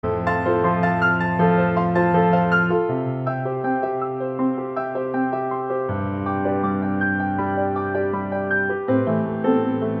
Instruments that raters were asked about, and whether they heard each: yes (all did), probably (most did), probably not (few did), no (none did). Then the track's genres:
piano: yes
Contemporary Classical; Instrumental